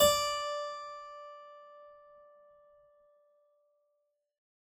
<region> pitch_keycenter=74 lokey=74 hikey=75 volume=-1.028456 trigger=attack ampeg_attack=0.004000 ampeg_release=0.350000 amp_veltrack=0 sample=Chordophones/Zithers/Harpsichord, English/Sustains/Normal/ZuckermannKitHarpsi_Normal_Sus_D4_rr1.wav